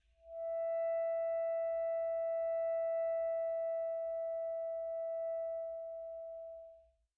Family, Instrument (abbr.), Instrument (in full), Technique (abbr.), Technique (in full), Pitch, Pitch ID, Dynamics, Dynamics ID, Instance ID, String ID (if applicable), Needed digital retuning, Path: Winds, ASax, Alto Saxophone, ord, ordinario, E5, 76, pp, 0, 0, , FALSE, Winds/Sax_Alto/ordinario/ASax-ord-E5-pp-N-N.wav